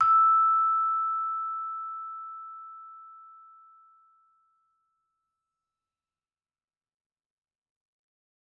<region> pitch_keycenter=88 lokey=87 hikey=89 volume=4.531124 offset=90 lovel=84 hivel=127 ampeg_attack=0.004000 ampeg_release=15.000000 sample=Idiophones/Struck Idiophones/Vibraphone/Soft Mallets/Vibes_soft_E5_v2_rr1_Main.wav